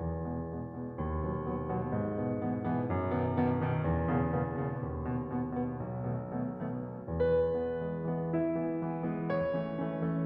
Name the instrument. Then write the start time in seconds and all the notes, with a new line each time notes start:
piano
0.00 E2
0.26 B2 G#3 B3
0.49 B2 G#3 B3
0.74 B2 G#3 B3
0.99 D#2
1.27 B2 F#3 B3
1.52 B2 F#3 B3
1.71 B2 F#3 B3
1.96 G#2
2.18 B2 E3 B3
2.41 B2 E3 B3
2.64 B2 E3 B3
2.90 F#2
3.13 B2 D#3 B3
3.37 B2 D#3 B3
3.58 B2 D#3 B3
3.83 E2
4.13 B2 C#3 A#3 B3
4.40 B2 C#3 A#3 B3
4.60 B2 C#3 A#3 B3
4.85 D#2
5.14 B2 B3
5.48 B2 B3
5.74 B2 B3
5.98 B1
6.40 B2 D#3 A3 B3
6.75 B2 D#3 A3 B3
6.99 B2 D#3 A3 B3
7.22 E2 B4
7.52 E3 G#3 B3
7.88 E3 G#3 B3
8.13 E3 G#3 B3
8.37 E4 E5
8.59 E3 G#3 B3
8.84 E3 G#3 B3
9.08 E3 G#3 B3
9.33 C#5
9.57 E3 A3 C#4
9.79 E3 A3 C#4
10.03 E3 A3 C#4